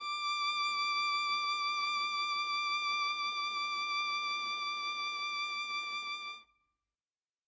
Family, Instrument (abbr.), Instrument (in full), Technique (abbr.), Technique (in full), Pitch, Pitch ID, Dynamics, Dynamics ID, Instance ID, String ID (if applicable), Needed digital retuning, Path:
Strings, Va, Viola, ord, ordinario, D6, 86, ff, 4, 0, 1, TRUE, Strings/Viola/ordinario/Va-ord-D6-ff-1c-T18u.wav